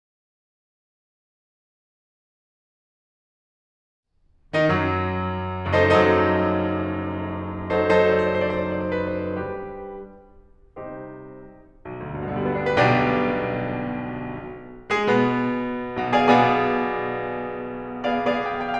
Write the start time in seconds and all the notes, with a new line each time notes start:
4.05 D#3 D#4
4.20 F#2 F#3
5.62 F#1 F#2 D#4 A4 C5 D#5
5.77 F#2 F#3 D#4 A4 C5 D#5
7.92 F#3 D#4 A4 C5
8.08 F#3 D#4 A4 C5
8.15 D5
8.23 C5
8.30 D5
8.38 C5
8.45 D5
8.52 C5
8.59 D5
8.67 C5
8.74 D5
8.83 C5
8.90 D5
8.97 B4
9.11 C5
9.38 G3 D4 G4 B4
10.78 C3 G3 C4 D#4 G4 C5
11.82 B1
12.04 D2
12.12 G2
12.20 B2
12.28 D3
12.35 G3
12.42 B3
12.50 D4
12.57 G4
12.70 B4
12.83 B1 B2 D4 G4 D5
15.00 G#3 G#4
15.14 B2 B3
16.15 B1 B2 G#4 D5 F5 G#5
16.30 B2 B3 G#4 D5 F5 G#5
18.66 B3 G#4 D5 F5